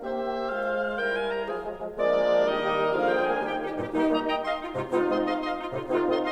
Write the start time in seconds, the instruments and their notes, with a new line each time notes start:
0.00 bassoon A#3 G4, horn A#3, oboe C5 D#5, clarinet C5
0.52 bassoon G#3 F4, oboe C5 F5
0.98 bassoon G3 E4, clarinet A#4, oboe G5
1.15 oboe G#5
1.28 oboe A#5
1.44 bassoon F3 F4, clarinet G#4, oboe G#5
1.63 bassoon F3 G#3
1.81 bassoon F3 G#3
1.97 bassoon F3 G#3, horn A#3, clarinet D4 D5, oboe A#4 D5
2.41 bassoon D#3 G3, horn A#3, clarinet D#4 D#5, oboe A#4 D#5
2.87 bassoon D3 F3, horn A#3, clarinet G#4 F5, oboe A#4 F5
3.05 clarinet G5, oboe G5
3.23 horn A#3, clarinet G#5, oboe G#5
3.39 bassoon D#3 G3, horn D#4, clarinet G4 G5, oboe A#4 G5
3.52 clarinet D#4 G4
3.69 bassoon G2 A#2, clarinet D#4 G4
3.90 bassoon G3 A#3, clarinet D#4 G4, horn D#4
4.09 bassoon G3 A#3, oboe D#5
4.26 clarinet D#5 G5, oboe D#5
4.41 clarinet D#5 F5, oboe D#5
4.59 clarinet D#4 F4
4.77 bassoon G#2 C3, clarinet D#4 F4
4.97 bassoon G#3 C4, horn D#4 F4, clarinet F4
5.15 bassoon G#3 C4, oboe D#5
5.29 clarinet D#5 F5, oboe D#5 C6
5.47 oboe D#5 C6, clarinet F5
5.53 clarinet D#4 F4
5.63 bassoon G#2 C3, clarinet D#4 F4
5.80 bassoon G#3 C4, clarinet D#4 F4, horn D#4 F4
5.99 bassoon G#3 C4, oboe D#5
6.18 clarinet D#5 F5, oboe D#5 C6